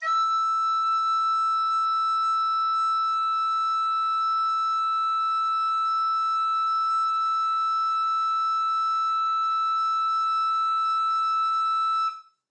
<region> pitch_keycenter=88 lokey=88 hikey=91 volume=11.459237 offset=81 ampeg_attack=0.004000 ampeg_release=0.300000 sample=Aerophones/Edge-blown Aerophones/Baroque Alto Recorder/Sustain/AltRecorder_Sus_E5_rr1_Main.wav